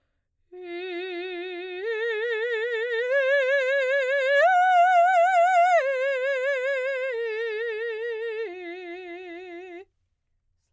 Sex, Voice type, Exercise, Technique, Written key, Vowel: female, soprano, arpeggios, slow/legato piano, F major, i